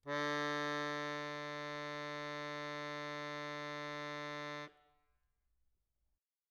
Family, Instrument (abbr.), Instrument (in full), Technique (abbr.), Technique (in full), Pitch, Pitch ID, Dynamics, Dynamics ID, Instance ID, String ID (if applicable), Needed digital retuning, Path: Keyboards, Acc, Accordion, ord, ordinario, D3, 50, mf, 2, 3, , FALSE, Keyboards/Accordion/ordinario/Acc-ord-D3-mf-alt3-N.wav